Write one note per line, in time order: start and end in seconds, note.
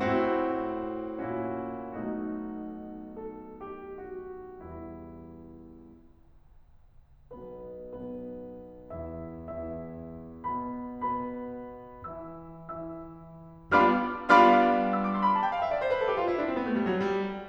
0.00 1.22 A2
0.00 1.22 C4
0.00 1.22 E4
0.00 1.22 F#4
1.22 1.99 A#2
1.22 1.99 C#4
1.22 1.99 E4
1.22 1.99 F#4
1.99 4.64 B1
1.99 4.64 B2
1.99 4.64 A3
1.99 4.64 D#4
1.99 3.17 F#4
3.18 3.63 A4
3.65 4.23 G4
4.24 4.64 F#4
4.68 5.75 E2
4.68 5.75 E3
4.68 5.75 G3
4.68 5.75 E4
7.33 7.88 B1
7.33 7.88 B2
7.33 7.88 B3
7.33 7.88 B4
7.88 8.94 B1
7.88 8.94 B2
7.88 8.94 B3
7.88 8.94 B4
8.94 9.42 E2
8.94 9.42 E3
8.94 9.42 E4
8.94 9.42 E5
9.43 10.45 E2
9.43 10.45 E3
9.43 10.45 E4
9.43 10.45 E5
10.45 11.03 B2
10.45 11.03 B3
10.45 11.03 B4
10.45 11.03 B5
11.04 12.09 B2
11.04 12.09 B3
11.04 12.09 B4
11.04 12.09 B5
12.09 12.74 E3
12.09 12.74 E4
12.09 12.74 E5
12.09 12.74 E6
12.74 13.73 E3
12.74 13.73 E4
12.74 13.73 E5
12.74 13.73 E6
13.73 13.92 G3
13.73 13.92 B3
13.73 13.92 D4
13.73 13.92 F4
13.73 13.92 F5
13.73 13.92 B5
13.73 13.92 D6
13.73 13.92 F6
14.14 14.98 G3
14.14 14.98 B3
14.14 14.98 D4
14.14 14.98 F4
14.14 14.98 F5
14.14 14.98 B5
14.14 14.98 D6
14.14 14.98 F6
14.99 15.15 E6
15.08 15.24 D6
15.17 15.33 C6
15.26 15.41 B5
15.35 15.50 A5
15.43 15.60 G5
15.51 15.70 F5
15.62 15.79 E5
15.72 15.88 D5
15.81 16.01 C5
15.92 16.09 B4
16.01 16.24 A4
16.09 16.30 G4
16.25 16.39 F4
16.31 16.45 E4
16.39 16.54 D4
16.47 16.71 C4
16.56 16.78 B3
16.73 16.87 A3
16.80 16.95 G3
16.88 17.02 F#3
17.02 17.21 G3